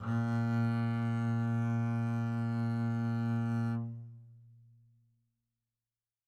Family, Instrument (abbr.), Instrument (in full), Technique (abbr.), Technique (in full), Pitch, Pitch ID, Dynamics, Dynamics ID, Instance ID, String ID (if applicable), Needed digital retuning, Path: Strings, Cb, Contrabass, ord, ordinario, A#2, 46, mf, 2, 0, 1, FALSE, Strings/Contrabass/ordinario/Cb-ord-A#2-mf-1c-N.wav